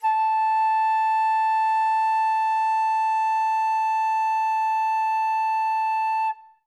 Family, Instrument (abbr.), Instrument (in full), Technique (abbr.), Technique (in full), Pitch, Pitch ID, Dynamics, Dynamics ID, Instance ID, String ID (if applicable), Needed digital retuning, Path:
Winds, Fl, Flute, ord, ordinario, A5, 81, ff, 4, 0, , TRUE, Winds/Flute/ordinario/Fl-ord-A5-ff-N-T22d.wav